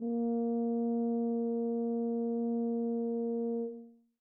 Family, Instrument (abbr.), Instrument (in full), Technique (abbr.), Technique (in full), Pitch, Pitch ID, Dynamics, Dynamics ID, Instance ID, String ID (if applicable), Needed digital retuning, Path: Brass, BTb, Bass Tuba, ord, ordinario, A#3, 58, mf, 2, 0, , TRUE, Brass/Bass_Tuba/ordinario/BTb-ord-A#3-mf-N-T14u.wav